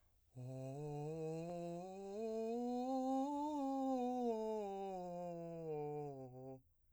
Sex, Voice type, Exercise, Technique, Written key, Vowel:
male, , scales, breathy, , o